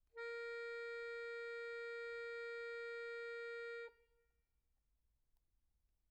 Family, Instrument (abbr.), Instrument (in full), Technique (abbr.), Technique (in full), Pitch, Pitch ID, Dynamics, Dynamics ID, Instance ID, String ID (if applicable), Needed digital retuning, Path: Keyboards, Acc, Accordion, ord, ordinario, A#4, 70, pp, 0, 0, , FALSE, Keyboards/Accordion/ordinario/Acc-ord-A#4-pp-N-N.wav